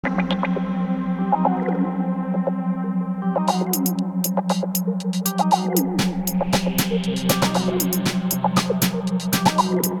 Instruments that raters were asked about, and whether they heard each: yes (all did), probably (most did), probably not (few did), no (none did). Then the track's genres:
voice: no
synthesizer: yes
mandolin: no
Electronic